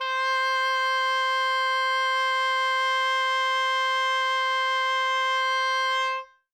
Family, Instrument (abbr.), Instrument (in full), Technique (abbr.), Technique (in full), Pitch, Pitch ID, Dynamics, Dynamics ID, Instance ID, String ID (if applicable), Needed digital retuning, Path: Winds, Ob, Oboe, ord, ordinario, C5, 72, ff, 4, 0, , FALSE, Winds/Oboe/ordinario/Ob-ord-C5-ff-N-N.wav